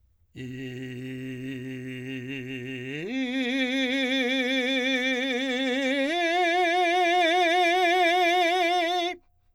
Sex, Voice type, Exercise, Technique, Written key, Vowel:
male, , long tones, full voice forte, , i